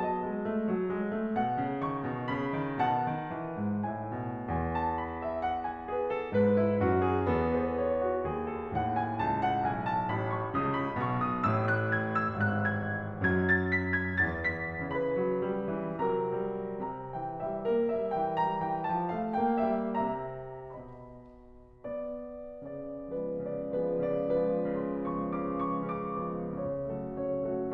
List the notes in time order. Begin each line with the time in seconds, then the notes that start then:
0.01 F#3 B3 D#5 A5
0.21 G#3
0.45 A3
0.68 F#3
0.93 G#3
1.14 A3
1.36 B2 F#5
1.57 C#3
1.89 D#3 C#6
2.10 B2
2.30 C#3 B5
2.56 D#3
2.82 B2 F#5 A5
3.04 D#3
3.31 E3
3.55 G#2
3.88 A2 E5 G#5
4.21 B2
4.50 E2 G#5
4.72 A5
5.00 B5
5.20 E5
5.40 F#5
5.63 G#5
5.89 G#4 B4
6.07 A4
6.25 G#2 B4
6.55 E4
6.79 F#2 F#4
7.06 G#4
7.27 E2 B3 A4
7.54 B4
7.75 C#5
8.03 F#4
8.26 D#2 G#4
8.48 A4
8.69 D#2 A2 F#5
8.95 G#5
9.20 C#2 A5
9.43 F#5
9.61 B1 G#5
9.90 A5
10.09 A1 B5
10.33 C#6
10.54 C#2 C#3 D#6
10.73 B5
11.00 B1 B2 C#6
11.23 D#6
11.45 A1 A2 E6
11.79 F#6
12.16 G#6
12.36 E6
12.57 G#1 G#2 F#6
12.96 G#6
13.30 F#2 F#3 G#5
13.57 A5
13.76 B5
14.00 G#5
14.24 E2 E3 A5
14.65 B5
14.90 C#3 E3 B4 B5
15.18 F#3
15.44 G3
15.75 E3
16.03 C3 F#3 A#4 A#5
16.49 G3
16.81 C3 A#5
17.15 E3 G5
17.43 G3 E5
17.70 A#3 A#4
17.93 G3 E5
18.15 E3 G5
18.40 G3 A#5
18.66 E3 G5
18.93 F3 A5
19.12 A3 F5
19.34 A#3 G5
19.65 G3 E5
20.08 C3 E5 A#5
20.74 B2 D#5 B5
21.82 B3 D5
22.66 C#3 D5
23.14 F3 G#3 B3 C#4 F4 G#4
23.40 C#3 D5
23.77 F3 G#3 B3 C#4 F4 G#4
23.99 C#3 D5
24.34 F3 G#3 B3 C#4 F4 G#4
24.78 C#3 C6
25.04 F3 G#3 B3 C#6
25.28 C#3 D6
25.52 F3 G#3 B3 C#6
25.78 C#3 D6
26.26 F3 G#3 B3
26.59 C#3 C#5
26.91 F#3 A3 F#4 A4
27.18 C#3 C#5
27.38 F#3 A3 F#4 A4